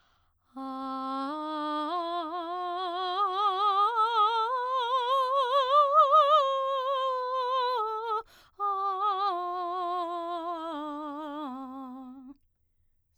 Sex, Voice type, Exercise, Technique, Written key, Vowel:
female, soprano, scales, slow/legato piano, C major, a